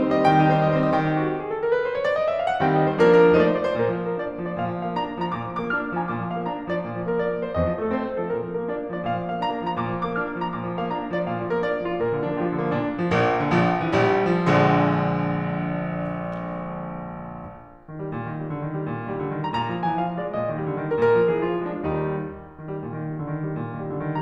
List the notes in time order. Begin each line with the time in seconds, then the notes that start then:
0.00 C4 C5
0.13 G3 D#5
0.23 D#3 G5
0.35 D#4 G4
0.50 C4 C5
0.62 G3 D#5
0.71 C4 C5
0.82 G3 D#5
0.94 D#3 G5
1.09 G4
1.20 F#4
1.34 G4
1.40 G#4
1.50 A4
1.61 A#4
1.71 B4
1.82 C5
1.93 C#5
2.03 D5
2.18 D#5
2.29 E5
2.39 F5
2.52 F#5
2.61 D#3 G3 C4 G5
2.80 D#5
2.91 C5
3.01 F3 A#3 D4 A#4
3.42 F3 A3 D#4 C5
3.47 D5
3.53 C5
3.65 D5
3.70 A#4
3.75 C5
3.81 A#2 A#4
3.94 F3
4.06 A#3 A#4
4.19 D4 D5
4.33 A#3
4.45 F3 D5
4.56 A#2 F5
4.74 F3
4.86 A#3 F5
4.97 D4 A#5
5.13 A#3
5.25 F3 A#5
5.38 A#2 D6
5.49 F3
5.61 A#3 D6
5.72 D4 F6
5.86 A#3
5.98 F3 A#5
6.08 A#2 D6
6.18 F3
6.29 A#3 F5
6.41 D4 A#5
6.52 A#3
6.68 F3 D5
6.86 A#2 F5
6.99 F3
7.08 A#3 A#4
7.22 D4 D5
7.33 A#3
7.44 F3 C5
7.55 F2 D#5
7.67 F3
7.80 A3 A4
7.95 C4 C5
8.09 A3
8.17 F3 A4
8.31 A#2 A#4
8.45 F3
8.59 A#3 A#4
8.70 D4 D5
8.80 A#3
8.92 F3 D5
9.04 A#2 F5
9.22 F3
9.32 A#3 F5
9.42 D4 A#5
9.56 A#3
9.66 F3 A#5
9.81 A#2 D6
9.94 F3
10.05 A#3 D6
10.16 D4 F6
10.27 A#3
10.40 F3 A#5
10.53 A#2 D6
10.65 F3
10.80 A#3 F5
10.92 D4 A#5
11.03 A#3
11.12 F3 D5
11.25 A#2 F5
11.41 F3
11.52 A#3 A#4
11.66 D4 D5
11.77 A#3
11.89 F3 F4
12.00 A#2 A#4
12.12 D3
12.24 F3 D4
12.36 A#3 F4
12.47 F3
12.60 D3 A#3
12.71 A#2 D4
12.95 F3
13.06 A#1 A#3
13.36 D3
13.50 A#1 F3
13.76 E3
13.89 A#1 G3
14.29 F3
14.51 A#1 D3 G#3
17.82 D#3
17.95 G3
18.13 A#2
18.29 D#3
18.38 G3
18.52 D3
18.65 D#3
18.76 G3
18.89 A#2
18.99 D#3
19.12 G3
19.23 D3
19.37 D#3
19.48 G3 A#5
19.60 A#2 A#5
19.71 F3
19.84 G#3 G#5
19.97 E3 F5
20.09 F3
20.18 G#3 D5
20.35 A#2 D#5
20.48 D#3
20.58 G3
20.68 D3
20.79 D#3
20.90 G3 A#4
21.05 A#2 A#4
21.16 F3
21.26 G#3 G#4
21.37 E3 F4
21.49 F3
21.65 G#3 D4
21.82 D#2 D#3 G3 D#4
22.53 D#3
22.70 G3
22.84 A#2
22.95 D#3
23.10 G3
23.22 D3
23.35 D#3
23.45 G3
23.56 A#2
23.70 D#3
23.81 G3
23.96 D3
24.10 D#3